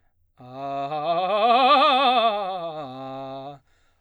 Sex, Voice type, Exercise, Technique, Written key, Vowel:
male, baritone, scales, fast/articulated forte, C major, a